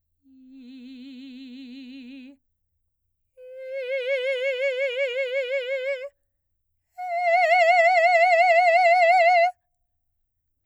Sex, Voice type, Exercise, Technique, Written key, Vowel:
female, soprano, long tones, full voice pianissimo, , i